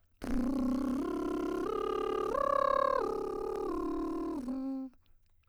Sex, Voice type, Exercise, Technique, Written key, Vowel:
female, soprano, arpeggios, lip trill, , e